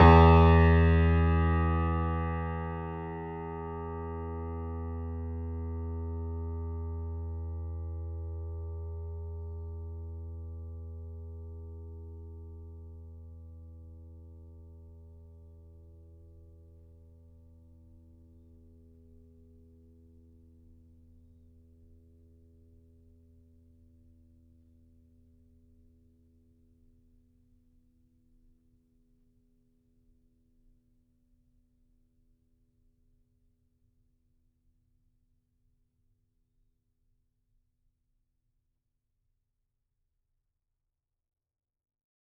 <region> pitch_keycenter=40 lokey=40 hikey=41 volume=-3.048803 lovel=100 hivel=127 locc64=0 hicc64=64 ampeg_attack=0.004000 ampeg_release=0.400000 sample=Chordophones/Zithers/Grand Piano, Steinway B/NoSus/Piano_NoSus_Close_E2_vl4_rr1.wav